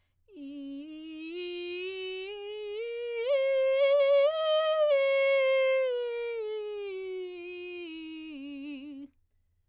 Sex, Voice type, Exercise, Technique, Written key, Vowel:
female, soprano, scales, vocal fry, , i